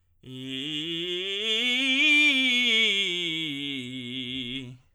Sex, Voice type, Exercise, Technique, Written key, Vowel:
male, tenor, scales, belt, , i